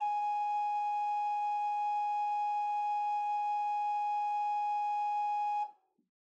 <region> pitch_keycenter=68 lokey=68 hikey=69 ampeg_attack=0.004000 ampeg_release=0.300000 amp_veltrack=0 sample=Aerophones/Edge-blown Aerophones/Renaissance Organ/4'/RenOrgan_4foot_Room_G#3_rr1.wav